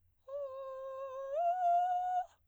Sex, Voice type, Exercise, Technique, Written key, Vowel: female, soprano, long tones, inhaled singing, , o